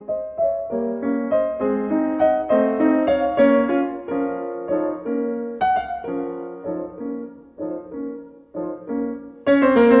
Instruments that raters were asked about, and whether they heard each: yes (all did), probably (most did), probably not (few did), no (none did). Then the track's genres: piano: yes
drums: no
guitar: no
Classical